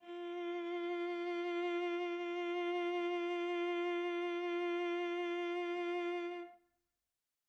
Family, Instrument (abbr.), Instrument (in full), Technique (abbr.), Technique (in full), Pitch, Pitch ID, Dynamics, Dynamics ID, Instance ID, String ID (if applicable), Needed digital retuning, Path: Strings, Va, Viola, ord, ordinario, F4, 65, mf, 2, 2, 3, FALSE, Strings/Viola/ordinario/Va-ord-F4-mf-3c-N.wav